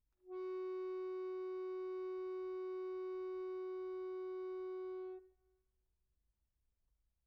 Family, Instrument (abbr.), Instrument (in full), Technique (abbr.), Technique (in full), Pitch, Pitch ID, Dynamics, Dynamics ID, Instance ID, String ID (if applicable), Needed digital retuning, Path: Keyboards, Acc, Accordion, ord, ordinario, F#4, 66, pp, 0, 2, , FALSE, Keyboards/Accordion/ordinario/Acc-ord-F#4-pp-alt2-N.wav